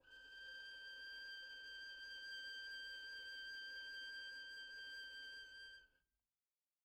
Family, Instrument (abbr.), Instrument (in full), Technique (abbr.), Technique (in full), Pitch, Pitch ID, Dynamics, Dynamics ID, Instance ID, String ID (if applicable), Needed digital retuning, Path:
Strings, Vn, Violin, ord, ordinario, G6, 91, pp, 0, 1, 2, FALSE, Strings/Violin/ordinario/Vn-ord-G6-pp-2c-N.wav